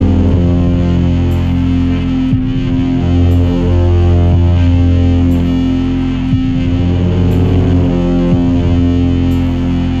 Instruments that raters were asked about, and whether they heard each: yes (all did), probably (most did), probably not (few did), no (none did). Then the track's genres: bass: probably not
Experimental; Sound Collage; Trip-Hop